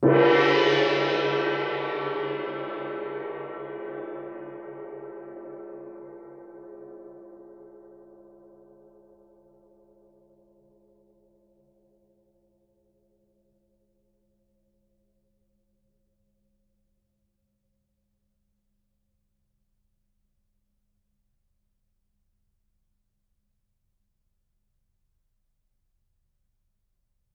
<region> pitch_keycenter=60 lokey=60 hikey=60 volume=0.660906 offset=1021 lovel=107 hivel=127 ampeg_attack=0.004000 ampeg_release=2.000000 sample=Idiophones/Struck Idiophones/Gong 1/gong_fff.wav